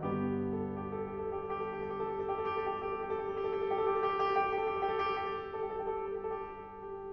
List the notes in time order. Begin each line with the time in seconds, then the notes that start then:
0.00 G2 D3 G3 B3 G4
0.35 A4
0.62 G4
0.85 A4
1.13 G4
1.63 A4
1.78 G4
2.18 A4
2.38 G4
2.48 A4
2.64 G4
2.83 A4
3.00 G4
3.18 A4
3.36 G4
4.20 A4
4.38 G4
4.54 A4
5.07 G4
5.21 A4
5.53 G4
5.84 A4
6.28 G4
6.44 A4
7.02 G4